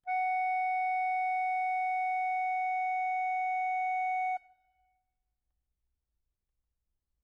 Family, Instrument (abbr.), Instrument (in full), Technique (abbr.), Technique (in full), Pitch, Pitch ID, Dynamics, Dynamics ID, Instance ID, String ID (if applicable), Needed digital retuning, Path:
Keyboards, Acc, Accordion, ord, ordinario, F#5, 78, mf, 2, 2, , FALSE, Keyboards/Accordion/ordinario/Acc-ord-F#5-mf-alt2-N.wav